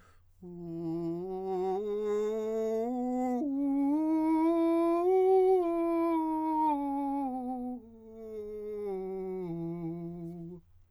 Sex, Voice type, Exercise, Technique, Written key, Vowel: male, countertenor, scales, slow/legato forte, F major, u